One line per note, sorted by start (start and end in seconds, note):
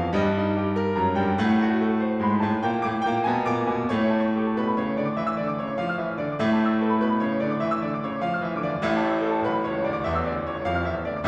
0.00 0.16 F2
0.00 0.16 F3
0.00 0.16 F5
0.17 1.03 G2
0.17 1.03 G3
0.17 0.39 D#5
0.41 0.64 D#4
0.64 0.84 G4
0.84 1.03 A#4
1.03 1.20 F#2
1.03 1.20 F#3
1.03 1.20 A#5
1.20 1.42 G2
1.20 1.42 G3
1.20 1.42 G5
1.42 2.22 A2
1.42 2.22 A3
1.42 1.61 F#5
1.66 1.83 F#4
1.85 2.01 A4
2.01 2.22 C5
2.22 2.46 G#2
2.22 2.46 G#3
2.22 2.46 C6
2.46 2.64 A2
2.46 2.64 A3
2.46 2.64 A5
2.64 2.86 A#2
2.64 2.86 A#3
2.64 2.86 G5
2.87 3.08 A2
2.87 3.08 A3
2.87 3.08 D6
3.09 3.29 A#2
3.09 3.29 A#3
3.09 3.29 G5
3.29 3.49 B2
3.29 3.49 B3
3.29 3.49 G#5
3.49 3.68 A#2
3.49 3.68 A#3
3.49 3.68 D6
3.68 3.92 B2
3.68 3.92 B3
3.68 3.92 G#5
3.92 6.35 A2
3.92 6.35 A3
3.92 4.20 C#5
4.02 4.30 E5
4.11 4.40 A5
4.21 4.50 C#6
4.31 4.60 A4
4.42 4.73 A5
4.52 4.73 B2
4.52 4.84 B4
4.61 4.95 B5
4.73 4.95 C#3
4.73 5.04 C#5
4.84 5.13 C#6
4.95 5.13 D3
4.95 5.22 D5
5.04 5.34 D6
5.13 5.34 E3
5.13 5.46 E5
5.22 5.57 E6
5.34 5.57 D3
5.34 5.67 D5
5.46 5.76 D6
5.57 5.76 C#3
5.57 5.85 C#5
5.68 5.96 C#6
5.77 5.96 F3
5.77 6.06 F5
5.86 6.15 F6
5.97 6.15 E3
5.97 6.26 E5
6.06 6.35 E6
6.15 6.35 D3
6.15 6.44 D5
6.26 6.55 D6
6.35 8.78 A2
6.35 8.78 A3
6.35 6.64 C#5
6.44 6.76 E5
6.55 6.85 A5
6.64 6.94 C#6
6.76 7.09 A4
6.85 7.22 A5
6.95 7.22 B2
6.95 7.33 B4
7.11 7.43 B5
7.24 7.43 C#3
7.24 7.52 C#5
7.34 7.63 C#6
7.43 7.63 D3
7.43 7.71 D5
7.52 7.79 D6
7.63 7.79 E3
7.63 7.88 E5
7.71 8.00 E6
7.79 8.00 D3
7.79 8.09 D5
7.88 8.20 D6
8.00 8.20 C#3
8.00 8.29 C#5
8.09 8.37 C#6
8.20 8.37 F3
8.20 8.46 F5
8.29 8.58 F6
8.38 8.58 E3
8.38 8.67 E5
8.48 8.78 E6
8.59 8.78 D3
8.59 8.88 D5
8.68 9.00 D6
8.78 11.27 A1
8.78 11.27 A2
8.78 9.11 C#5
8.88 9.21 E5
9.00 9.32 A5
9.11 9.44 C#6
9.21 9.53 A4
9.32 9.64 A5
9.44 9.64 B1
9.44 9.73 B4
9.53 9.85 B5
9.64 9.85 C#2
9.64 9.94 C#5
9.74 10.05 C#6
9.86 10.05 D2
9.86 10.17 D5
9.95 10.27 D6
10.07 10.27 E2
10.07 10.36 E5
10.17 10.45 E6
10.27 10.45 D2
10.27 10.53 D5
10.36 10.61 D6
10.45 10.61 C#2
10.45 10.73 C#5
10.53 10.87 C#6
10.61 10.87 F2
10.61 10.96 F5
10.73 11.08 F6
10.87 11.08 E2
10.87 11.18 E5
10.96 11.27 E6
11.10 11.27 D2
11.10 11.28 D5
11.19 11.28 D6